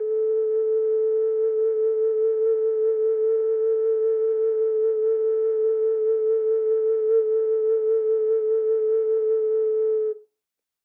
<region> pitch_keycenter=69 lokey=69 hikey=70 tune=-10 volume=2.421947 trigger=attack ampeg_attack=0.004000 ampeg_release=0.200000 sample=Aerophones/Edge-blown Aerophones/Ocarina, Typical/Sustains/SusVib/StdOcarina_SusVib_A3.wav